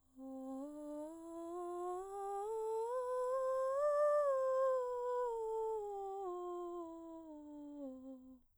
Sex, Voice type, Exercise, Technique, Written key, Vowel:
female, soprano, scales, breathy, , o